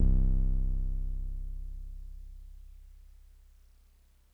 <region> pitch_keycenter=24 lokey=24 hikey=26 volume=8.427439 lovel=100 hivel=127 ampeg_attack=0.004000 ampeg_release=0.100000 sample=Electrophones/TX81Z/Piano 1/Piano 1_C0_vl3.wav